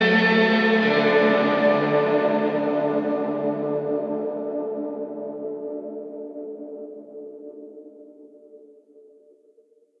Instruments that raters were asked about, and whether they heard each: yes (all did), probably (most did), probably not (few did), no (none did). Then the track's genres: trombone: no
Indie-Rock; Post-Punk; Goth